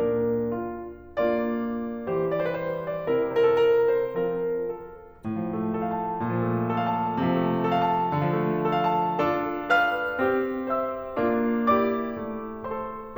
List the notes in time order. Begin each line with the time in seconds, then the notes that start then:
0.00 A#2 A#3 D4 A#4
0.53 F4
1.00 A#3 D4 F4 D5
2.11 E3 G3 G4 C5
2.32 D5
2.39 C5
2.47 B4
2.55 C5
2.83 D5
3.07 C3 C4 E4 A#4
3.30 C5
3.40 A#4
3.53 A4
3.61 A#4
3.90 C5
4.13 F3 C4 F4 A#4
4.52 A4
5.25 A2
5.36 F3
5.54 A3
5.75 A4
5.87 F5
5.97 A5
6.18 A#2
6.32 F3
6.43 A3
6.64 A4
6.78 F5
6.85 A5
7.12 C3
7.26 F3
7.36 A3
7.66 A4
7.86 A5
8.13 D3
8.24 F3
8.35 A3
8.66 A4
8.74 F5
8.85 A5
9.17 D4 F4 A4
9.71 B4 F5 F6
10.24 C4 G4
10.69 C5 E5 E6
11.19 A#3 D4 F4
11.76 E4 G4 D5 D6
12.23 A3
12.63 F4 A4 C5 C6